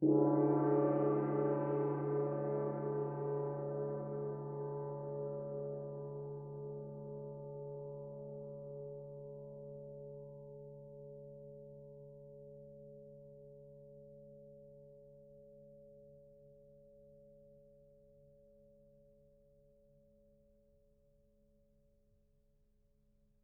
<region> pitch_keycenter=61 lokey=61 hikey=61 volume=2.488936 offset=647 lovel=84 hivel=127 ampeg_attack=0.004000 ampeg_release=2.000000 sample=Idiophones/Struck Idiophones/Gong 1/gong_2_f.wav